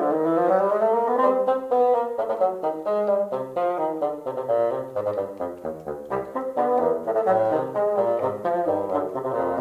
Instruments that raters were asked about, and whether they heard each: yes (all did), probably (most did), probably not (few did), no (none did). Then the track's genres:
trumpet: probably
trombone: yes
banjo: no
Classical